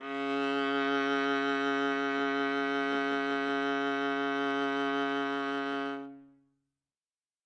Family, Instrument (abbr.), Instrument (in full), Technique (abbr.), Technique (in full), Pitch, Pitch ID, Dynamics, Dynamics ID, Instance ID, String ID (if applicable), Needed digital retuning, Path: Strings, Va, Viola, ord, ordinario, C#3, 49, ff, 4, 3, 4, TRUE, Strings/Viola/ordinario/Va-ord-C#3-ff-4c-T26u.wav